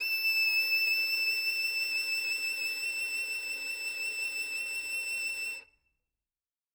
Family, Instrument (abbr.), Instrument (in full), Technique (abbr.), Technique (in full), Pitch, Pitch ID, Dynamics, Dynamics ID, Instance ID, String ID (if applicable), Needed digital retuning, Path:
Strings, Vn, Violin, ord, ordinario, E7, 100, ff, 4, 0, 1, FALSE, Strings/Violin/ordinario/Vn-ord-E7-ff-1c-N.wav